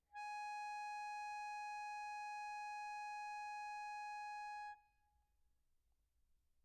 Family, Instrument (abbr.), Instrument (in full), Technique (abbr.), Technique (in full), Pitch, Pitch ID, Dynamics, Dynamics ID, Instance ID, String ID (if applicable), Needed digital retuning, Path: Keyboards, Acc, Accordion, ord, ordinario, G#5, 80, pp, 0, 2, , FALSE, Keyboards/Accordion/ordinario/Acc-ord-G#5-pp-alt2-N.wav